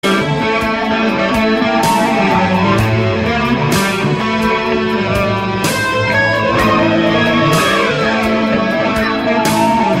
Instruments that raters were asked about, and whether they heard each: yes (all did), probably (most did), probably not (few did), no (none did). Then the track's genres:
saxophone: no
Soundtrack; Ambient